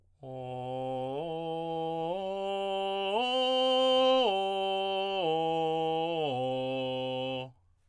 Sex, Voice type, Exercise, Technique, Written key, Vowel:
male, tenor, arpeggios, straight tone, , o